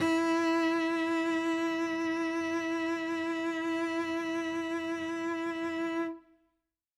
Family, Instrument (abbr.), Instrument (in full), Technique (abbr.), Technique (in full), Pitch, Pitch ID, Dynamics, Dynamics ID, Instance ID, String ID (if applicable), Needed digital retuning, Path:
Strings, Vc, Cello, ord, ordinario, E4, 64, ff, 4, 1, 2, FALSE, Strings/Violoncello/ordinario/Vc-ord-E4-ff-2c-N.wav